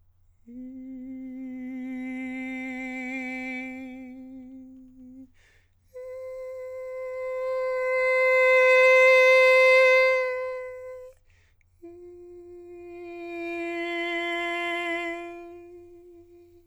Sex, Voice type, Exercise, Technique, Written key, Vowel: male, countertenor, long tones, messa di voce, , i